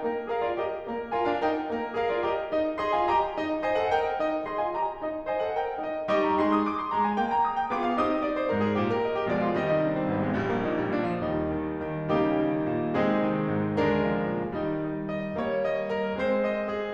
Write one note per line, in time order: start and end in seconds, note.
0.00 0.30 A#3
0.00 0.30 A#4
0.30 0.43 G#4
0.30 0.58 A#4
0.30 0.43 F5
0.43 0.58 F4
0.43 0.58 D5
0.58 0.86 G4
0.58 0.86 A#4
0.58 0.86 D#5
0.86 1.14 A#3
0.86 1.14 A#4
1.15 1.28 F4
1.15 1.40 A#4
1.15 1.28 G#5
1.28 1.40 D4
1.28 1.40 F5
1.40 1.68 D#4
1.40 1.68 A#4
1.40 1.68 G5
1.70 1.93 A#3
1.70 1.93 A#4
1.93 2.05 G#4
1.93 2.17 A#4
1.93 2.05 F5
2.05 2.17 F4
2.05 2.17 D5
2.18 2.47 G4
2.18 2.47 D#5
2.47 2.79 D#4
2.47 2.79 D#5
2.79 2.90 G#4
2.79 3.10 D#5
2.79 2.90 C6
2.91 3.10 F4
2.91 3.10 G#5
3.10 3.37 G4
3.10 3.37 D#5
3.10 3.37 A#5
3.37 3.62 D#4
3.37 3.62 D#5
3.62 3.80 C5
3.62 3.91 D#5
3.62 3.80 G#5
3.80 3.91 A4
3.80 3.91 F#5
3.91 4.20 A#4
3.91 4.20 D#5
3.91 4.20 G5
4.20 4.46 D#4
4.20 4.46 D#5
4.46 4.60 G#4
4.46 4.73 D#5
4.46 4.60 C6
4.60 4.73 F4
4.60 4.73 G#5
4.73 5.00 G4
4.73 5.00 D#5
4.73 5.00 A#5
5.00 5.25 D#4
5.00 5.25 D#5
5.26 5.42 C5
5.26 5.58 D#5
5.26 5.42 G#5
5.42 5.58 A4
5.42 5.58 F#5
5.58 5.83 A#4
5.58 5.83 D#5
5.58 5.83 G5
5.84 6.08 D#4
5.84 6.08 D#5
6.08 6.40 G3
6.08 6.65 D#4
6.08 6.40 G4
6.08 6.40 D#5
6.08 6.25 C#6
6.25 6.40 A#5
6.41 6.65 G#3
6.41 6.65 G#4
6.41 6.52 C6
6.52 6.65 D#6
6.65 6.78 D6
6.78 6.95 C6
6.95 7.20 G#3
6.95 7.05 A#5
7.07 7.20 G#5
7.20 7.45 A#3
7.20 7.33 G5
7.33 7.45 A#5
7.45 7.57 D#6
7.58 7.71 G5
7.71 8.00 B3
7.71 8.00 F4
7.71 8.00 G#4
7.71 7.85 D6
7.85 8.00 F5
8.00 8.25 C4
8.00 8.25 D#4
8.00 8.25 G4
8.00 8.12 D#6
8.13 8.25 D#5
8.25 8.41 D5
8.41 8.51 C5
8.51 8.78 G#2
8.51 8.64 A#4
8.64 8.78 G#4
8.78 9.04 A#2
8.78 8.90 G4
8.90 9.04 A#4
9.04 9.17 D#5
9.17 9.29 G4
9.30 9.52 B2
9.30 9.52 F3
9.30 9.52 G#3
9.30 9.39 D5
9.39 9.52 F4
9.52 9.78 C3
9.52 9.78 D#3
9.52 9.78 G3
9.52 9.65 D#5
9.65 9.78 D#4
9.80 9.93 D4
9.93 10.09 C4
10.09 10.37 G#1
10.09 10.25 A#3
10.25 10.37 G#3
10.38 10.67 A#1
10.38 10.52 G3
10.52 10.67 A#3
10.67 10.97 A#2
10.67 10.80 D#4
10.80 10.97 G3
10.97 11.23 A#2
10.97 11.10 D4
11.11 11.23 F3
11.23 14.59 D#2
11.23 11.46 G3
11.23 11.46 D#4
11.46 11.76 D#3
11.76 12.06 D#3
12.06 12.35 C#3
12.06 12.95 G3
12.06 12.95 A#3
12.06 12.95 D#4
12.06 12.95 G4
12.35 12.69 D#3
12.69 12.95 A#2
12.95 13.21 C3
12.95 13.80 G#3
12.95 13.80 C4
12.95 13.80 D#4
12.95 13.80 G#4
13.21 13.47 D#3
13.48 13.80 G#2
13.80 14.06 D3
13.80 14.59 G#3
13.80 14.59 D4
13.80 14.59 A#4
14.07 14.32 F3
14.32 14.59 A#2
14.61 16.94 D#3
14.61 14.84 G3
14.61 14.84 D#4
14.84 15.09 D#5
15.09 15.36 D#5
15.36 16.20 G3
15.36 16.20 A#3
15.36 15.66 C#5
15.66 15.91 D#5
15.91 16.20 A#4
16.20 16.94 G#3
16.20 16.94 C4
16.20 16.45 C5
16.45 16.71 D#5
16.71 16.94 G#4